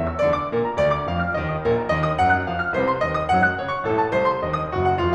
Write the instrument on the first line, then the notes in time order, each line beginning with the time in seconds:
piano
0.00 E3 E6
0.08 D2 D5
0.16 D3 D6
0.29 A1 A4
0.34 D2 F2 D3 D5 F5 D6
0.41 F3 F6
0.45 D#2 D#5
0.52 D#3 D#6
0.64 A#1 A#4
0.70 A#2 A#5
0.79 D2 D5
0.93 D3 D6
1.08 F2 F5
1.23 F3 F6
1.36 D#2 D#5
1.50 D#3 D#6
1.65 A#1 A#4
1.80 A#2 A#5
1.90 D#2 D#5
2.04 D#3 D#6
2.18 F#2 F#5
2.37 F#3 F#6
2.50 F2 F5
2.61 F3 F6
2.75 C2 C5
2.90 C3 C6
3.02 D#2 D#5
3.17 D#3 D#6
3.32 F#2 F#5
3.45 F#3 F#6
3.59 C#2 C#5
3.72 C#3 C#6
3.85 A1 A4
3.98 A2 A5
4.11 C2 C5
4.28 C3 C6
4.44 D#2 D#5
4.59 D#3 D#6
4.74 F#1 F#4
4.88 F#2 F#5
5.02 F1 F4